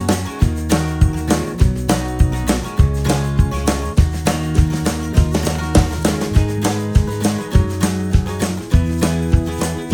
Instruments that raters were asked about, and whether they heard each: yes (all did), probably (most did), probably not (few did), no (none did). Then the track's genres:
cello: probably not
cymbals: yes
Pop; Folk; Singer-Songwriter